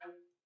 <region> pitch_keycenter=53 lokey=53 hikey=54 volume=15.310139 offset=1 ampeg_attack=0.004000 ampeg_release=10.000000 sample=Aerophones/Edge-blown Aerophones/Baroque Bass Recorder/Staccato/BassRecorder_Stac_F2_rr1_Main.wav